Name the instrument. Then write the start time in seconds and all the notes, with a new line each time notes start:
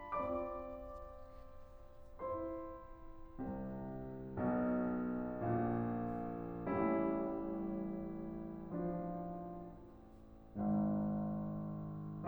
piano
0.01 C4 F4 D5 D6
2.23 E4 C5 C6
3.41 C2 C3
4.38 B1 B2
5.57 A#1 A#2
6.66 A1 A2 G3 C#4 E4
8.68 F3 D4 F4
10.67 G#1 G#2